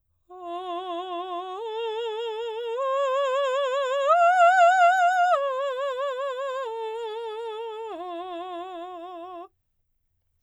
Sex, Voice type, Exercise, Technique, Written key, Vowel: female, soprano, arpeggios, slow/legato piano, F major, o